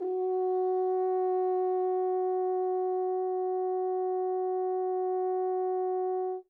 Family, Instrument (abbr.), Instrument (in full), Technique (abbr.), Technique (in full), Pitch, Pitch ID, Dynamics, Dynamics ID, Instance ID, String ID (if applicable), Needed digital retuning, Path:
Brass, Hn, French Horn, ord, ordinario, F#4, 66, mf, 2, 0, , FALSE, Brass/Horn/ordinario/Hn-ord-F#4-mf-N-N.wav